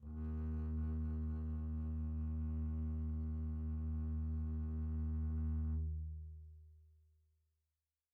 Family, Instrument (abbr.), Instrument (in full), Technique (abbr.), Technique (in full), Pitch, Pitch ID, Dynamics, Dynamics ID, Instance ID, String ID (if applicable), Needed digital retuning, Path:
Strings, Cb, Contrabass, ord, ordinario, D#2, 39, pp, 0, 2, 3, FALSE, Strings/Contrabass/ordinario/Cb-ord-D#2-pp-3c-N.wav